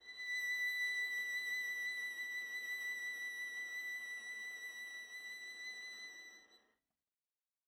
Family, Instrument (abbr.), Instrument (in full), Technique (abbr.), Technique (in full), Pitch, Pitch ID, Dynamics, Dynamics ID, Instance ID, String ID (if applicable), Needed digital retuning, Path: Strings, Va, Viola, ord, ordinario, B6, 95, mf, 2, 0, 1, TRUE, Strings/Viola/ordinario/Va-ord-B6-mf-1c-T17u.wav